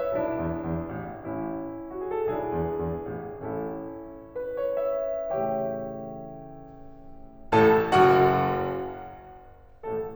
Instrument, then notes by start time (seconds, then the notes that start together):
piano
0.00 E5
0.15 B1 D4 E4
0.42 E2
0.67 E2
0.95 A1
1.23 A1 C#4 E4
1.89 F#4
2.04 G#4
2.16 A4
2.26 B1 D4 E4 G#4
2.54 E2
2.81 E2
3.20 A1
3.53 A1 C#4 E4 A4
4.37 B4
4.57 C#5
4.78 E5
5.34 A2 C#3 E3 A3 G4 C#5 E5 G5
7.51 A1 A2 A4 A5
7.95 F#1 F#2 F#4 F#5
9.90 A1 A2 A3 A4